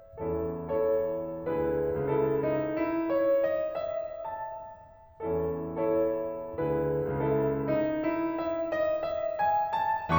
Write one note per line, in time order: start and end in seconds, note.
0.18 1.48 E2
0.18 1.48 E3
0.18 0.63 C#4
0.18 0.63 E4
0.18 0.63 A4
0.64 1.48 E4
0.64 1.48 A4
0.64 1.48 C#5
1.48 1.93 D2
1.48 1.93 D3
1.48 1.93 E4
1.48 1.93 G#4
1.48 1.93 B4
1.94 2.41 C#2
1.94 2.41 C#3
1.94 3.09 E4
1.94 3.09 A4
1.94 3.48 E5
2.42 2.77 D#4
2.77 3.09 E4
3.11 3.87 C#5
3.49 3.87 D#5
3.87 4.32 E5
4.32 4.81 A5
5.31 6.62 E2
5.31 6.62 E3
5.31 5.80 C#4
5.31 5.80 E4
5.31 5.80 A4
5.80 6.62 E4
5.80 6.62 A4
5.80 6.62 C#5
6.66 7.18 D2
6.66 7.18 D3
6.66 7.18 E4
6.66 7.18 G#4
6.66 7.18 B4
7.18 7.65 C#2
7.18 7.65 C#3
7.18 8.36 E4
7.18 8.36 A4
7.18 8.36 E5
7.65 7.99 D#4
8.01 8.36 E4
8.38 8.70 E5
8.70 9.04 D#5
9.05 9.39 E5
9.40 9.77 G#5
9.77 10.19 A5